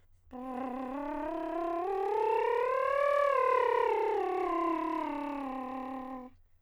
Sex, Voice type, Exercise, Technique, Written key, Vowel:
male, countertenor, scales, lip trill, , o